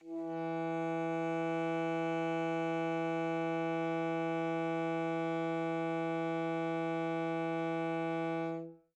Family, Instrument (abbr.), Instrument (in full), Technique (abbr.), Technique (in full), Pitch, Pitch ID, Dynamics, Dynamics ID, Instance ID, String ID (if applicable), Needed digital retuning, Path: Winds, ASax, Alto Saxophone, ord, ordinario, E3, 52, mf, 2, 0, , FALSE, Winds/Sax_Alto/ordinario/ASax-ord-E3-mf-N-N.wav